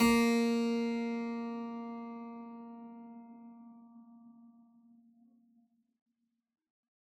<region> pitch_keycenter=58 lokey=58 hikey=58 volume=0.896579 trigger=attack ampeg_attack=0.004000 ampeg_release=0.400000 amp_veltrack=0 sample=Chordophones/Zithers/Harpsichord, Unk/Sustains/Harpsi4_Sus_Main_A#2_rr1.wav